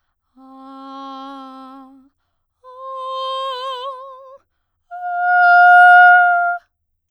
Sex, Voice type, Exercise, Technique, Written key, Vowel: female, soprano, long tones, messa di voce, , a